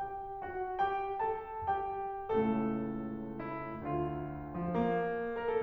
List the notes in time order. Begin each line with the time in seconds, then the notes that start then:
0.00 G4 G5
0.38 F#4 F#5
0.79 G4 G5
1.23 A4 A5
1.67 G4 G5
2.30 C#2 A2 C#3 A3 A4
3.42 E4
3.90 D3 F4
4.54 F3
4.75 A#3
5.28 A#4
5.49 A4